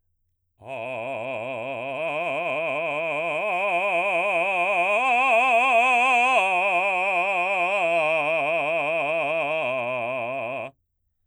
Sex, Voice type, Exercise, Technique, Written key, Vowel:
male, baritone, arpeggios, vibrato, , a